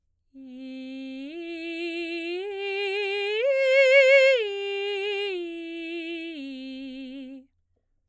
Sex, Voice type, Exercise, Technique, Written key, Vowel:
female, soprano, arpeggios, straight tone, , i